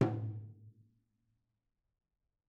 <region> pitch_keycenter=64 lokey=64 hikey=64 volume=14.675860 offset=266 lovel=66 hivel=99 seq_position=2 seq_length=2 ampeg_attack=0.004000 ampeg_release=30.000000 sample=Membranophones/Struck Membranophones/Tom 1/Stick/TomH_HitS_v3_rr2_Mid.wav